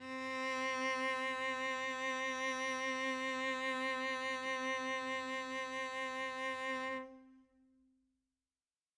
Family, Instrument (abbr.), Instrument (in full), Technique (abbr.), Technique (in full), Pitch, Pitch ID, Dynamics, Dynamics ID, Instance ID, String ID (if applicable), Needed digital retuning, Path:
Strings, Vc, Cello, ord, ordinario, C4, 60, mf, 2, 0, 1, FALSE, Strings/Violoncello/ordinario/Vc-ord-C4-mf-1c-N.wav